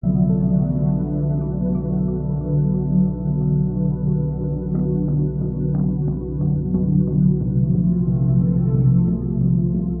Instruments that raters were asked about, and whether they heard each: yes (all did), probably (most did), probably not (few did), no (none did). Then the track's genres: ukulele: no
saxophone: no
violin: no
synthesizer: yes
Soundtrack; Ambient Electronic; Instrumental